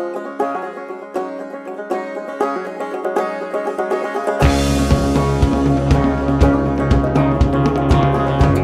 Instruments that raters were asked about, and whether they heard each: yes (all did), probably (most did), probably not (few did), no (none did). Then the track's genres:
banjo: probably
mandolin: probably
Pop; Folk; Singer-Songwriter